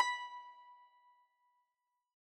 <region> pitch_keycenter=83 lokey=82 hikey=84 volume=7.415859 lovel=66 hivel=99 ampeg_attack=0.004000 ampeg_release=0.300000 sample=Chordophones/Zithers/Dan Tranh/Normal/B4_f_1.wav